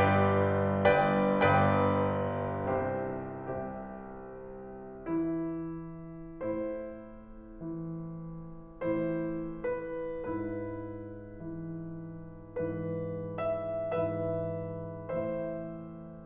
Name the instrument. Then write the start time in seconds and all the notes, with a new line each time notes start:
piano
0.00 G1 G2 G4 B4 D5
0.99 G1 G2 B4 D5 G5
1.66 G1 G2 B4 D5 G5
2.81 C2 C3 G4 C5 E5
3.33 C2 C3 G4 C5 E5
5.04 E3 E4
6.40 A2 E4 C5
7.64 E3
9.01 A2 E3 E4 C5
9.90 B4
10.30 G#2 E4 B4
11.60 E3
12.77 G#2 E3 B4
13.43 E5
13.90 G#2 E3 B4 E5
15.07 A2 E3 C5 E5